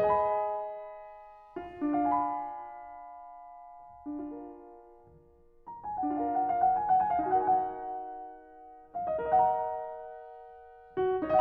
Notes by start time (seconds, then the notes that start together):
0.00 G#4 D#5
0.05 G#5
0.12 B5
1.57 F4
1.95 D4
2.01 F5
2.05 G#5
2.14 B5
4.11 D4
4.18 F4
4.24 A#4
5.45 A#5
5.67 G#5
5.90 F#5
6.11 D4 F5
6.15 F4 A#4
6.33 F#5
6.48 F5
6.61 F#5
6.78 G#5
6.88 F#5
7.02 G#5
7.14 F5
7.30 D#4 G#5
7.35 F#4
7.40 A#4 F#5
7.47 G#5
7.57 F#5
7.67 G#5
7.74 F#5
8.84 F5
9.08 D#5
9.28 A#4
9.32 D#5 F#5
9.42 A#5
10.99 F#4